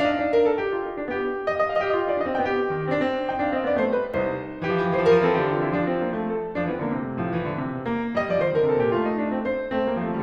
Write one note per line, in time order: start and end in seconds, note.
0.00 0.15 D4
0.00 0.31 F5
0.07 0.21 D#4
0.16 0.30 D4
0.26 0.36 D#4
0.33 0.45 A#4
0.45 0.56 A4
0.56 0.69 G4
0.71 0.82 F4
0.82 0.91 D#4
0.92 1.02 D4
1.02 1.27 B3
1.02 1.50 G4
1.50 1.70 D#5
1.66 1.76 F5
1.73 1.82 D#5
1.79 1.87 F5
1.83 1.94 G4
1.83 1.93 D#5
1.88 2.00 F5
1.95 2.07 F4
1.95 2.05 D#5
2.01 2.10 F5
2.07 2.17 D#4
2.07 2.15 D#5
2.12 2.21 F5
2.17 2.26 D4
2.17 2.25 D#5
2.22 2.31 F5
2.28 2.38 C4
2.28 2.37 D#5
2.33 2.41 F5
2.38 2.47 A#3
2.38 2.46 D5
2.43 2.54 D#5
2.48 2.94 D#4
2.48 2.94 G5
2.73 2.94 D#3
2.94 3.11 C4
3.09 3.19 D4
3.13 3.24 C4
3.20 3.31 D4
3.27 3.41 D#4
3.27 3.41 G5
3.41 3.52 D4
3.41 3.52 F5
3.54 3.65 C4
3.54 3.65 D#5
3.65 3.75 B3
3.65 3.75 D5
3.75 3.91 A3
3.75 3.91 C5
3.94 4.08 G3
3.94 4.08 B4
4.08 4.34 C2
4.08 4.62 D#4
4.08 4.62 C5
4.67 4.77 E3
4.67 5.21 G4
4.74 4.86 F3
4.78 4.92 E3
4.88 5.00 F3
4.96 5.05 E3
4.96 5.06 C5
5.02 5.11 F3
5.06 5.20 E3
5.06 5.21 A#4
5.13 5.25 F3
5.21 5.29 E3
5.21 5.76 C4
5.21 5.36 A4
5.26 5.42 F3
5.39 5.47 E3
5.39 5.48 G4
5.43 5.53 F3
5.48 5.63 E3
5.48 5.65 F4
5.61 5.69 F3
5.65 5.75 D3
5.65 5.76 E4
5.70 5.79 E3
5.76 6.33 F3
5.76 5.91 D4
5.91 6.07 C4
6.08 6.19 A#3
6.19 6.33 A3
6.33 6.55 A4
6.55 6.64 F3
6.55 6.64 D4
6.65 6.75 E3
6.65 6.75 C4
6.75 6.88 D3
6.75 6.88 A#3
6.88 7.05 C3
6.88 7.05 A3
7.06 7.17 A#2
7.06 7.17 G3
7.17 7.29 A2
7.17 7.29 F3
7.30 7.44 E3
7.30 7.85 G3
7.44 7.58 D3
7.58 7.72 C3
7.73 7.85 A#2
7.85 8.16 A#3
8.17 8.28 G3
8.17 8.28 D#5
8.28 8.43 F3
8.28 8.43 D5
8.44 8.57 D#3
8.44 8.57 C5
8.57 8.70 D3
8.57 8.70 A#4
8.70 8.84 C3
8.70 8.84 A4
8.85 8.95 A#2
8.85 8.95 G4
8.95 9.47 A3
8.95 9.06 F4
9.07 9.17 D#4
9.17 9.36 D4
9.36 9.47 C4
9.49 9.73 C5
9.73 9.88 A3
9.73 9.88 C4
9.88 9.98 G3
9.88 9.98 A#3
9.98 10.09 F3
9.98 10.09 A3
10.10 10.23 D#3
10.10 10.23 G3